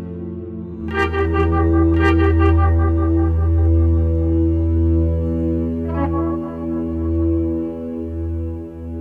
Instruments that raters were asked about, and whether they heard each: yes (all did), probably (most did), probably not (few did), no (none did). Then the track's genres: trombone: probably not
organ: no
trumpet: no
bass: probably not
accordion: no
cello: no
Folk; Experimental